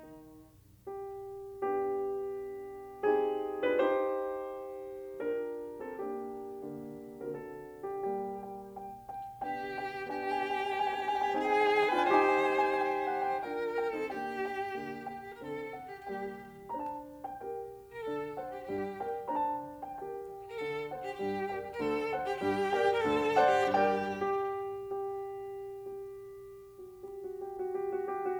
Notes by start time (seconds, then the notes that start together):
0.01 D#3
0.88 G4
1.61 B3 D4 G4
3.09 C4 D#4 G4 G#4
3.65 D4 F4 B4
3.83 D#4 G4 C5
5.20 D4 F4 G4 A#4
5.73 C4 D#4 A4
5.93 A#3 D4 G4
6.64 D3 A#3
7.27 A#4
7.37 D3 C4 F#4 A4
7.92 G4
8.12 G3 A#3 G4
8.42 G5
8.75 G5
9.08 G5
9.43 B3 D4 G4 G5
9.71 G5
10.06 B3 D4 G4 G5
10.12 G#5
10.16 G5
10.25 G#5
10.34 G5
10.43 G#5
10.50 G5
10.58 G#5
10.68 G5
10.73 G#5
10.80 G5
10.90 G#5
11.00 G5
11.09 G#5
11.16 G5
11.24 G#5
11.33 C4 D#4 G#4 G5
11.42 G#5
11.51 G5
11.60 G#5
11.70 G5
11.81 G#5
11.92 D4 F4 B4 G5
12.01 G#5
12.12 D#4 G4 C5 G5
12.21 G#5
12.29 G5
12.37 G#5
12.44 G5
12.53 G#5
12.59 G5
12.66 G#5
12.75 G5
12.87 G#5
12.97 G5
13.10 F#5
13.25 G5
13.39 D4 F4 A#4 G5
13.75 G5
13.91 C4 D#4 A4
14.08 A#3 D4 G4 G5
14.31 G5
14.66 D3 A#3
15.02 G5
15.30 A#4
15.39 D3 C4 A4
15.73 F#5
15.92 G4
16.10 G3 A#3 G4 G5
16.67 A#5
16.71 D4 C5 A5
17.24 G5
17.42 G4 A#4 G5
17.90 A#4
18.00 D3 D4 A4
18.35 C5 D5 F#5
18.51 G4
18.70 G2 G3 G4
18.99 A#4 D5 G5
19.27 A#5
19.36 D4 C5 A5
19.82 G5
19.99 G4 A#4 G5
20.49 A#4
20.58 D3 D4 A4
20.87 C5 D5 F#5
21.04 G4
21.23 G2 G3 G4
21.48 A#4 D5 G5
21.68 A#4
21.77 D2 D3 A4
22.08 C5 D5 F#5
22.24 G4
22.41 G2 G3 G4
22.70 A#4 D5 G5
22.94 A#4
23.02 D2 D3 A4
23.34 C5 D5 F#5
23.53 G4
23.72 G2 G3 G4 A#4 D5 G5
24.12 G4
24.90 G4
25.69 G4
26.79 F#4
26.99 G4
27.18 F#4
27.39 G4
27.57 F#4
27.73 G4
27.85 F#4
28.04 G4
28.25 F#4